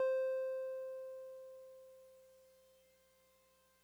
<region> pitch_keycenter=72 lokey=71 hikey=74 volume=21.192038 lovel=0 hivel=65 ampeg_attack=0.004000 ampeg_release=0.100000 sample=Electrophones/TX81Z/Piano 1/Piano 1_C4_vl1.wav